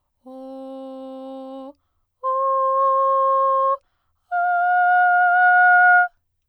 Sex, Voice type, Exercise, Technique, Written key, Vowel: female, soprano, long tones, straight tone, , o